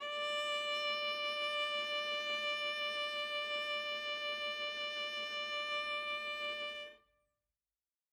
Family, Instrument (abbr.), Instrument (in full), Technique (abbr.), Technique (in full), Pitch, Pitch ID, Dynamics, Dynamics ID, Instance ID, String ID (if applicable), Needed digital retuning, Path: Strings, Va, Viola, ord, ordinario, D5, 74, ff, 4, 2, 3, FALSE, Strings/Viola/ordinario/Va-ord-D5-ff-3c-N.wav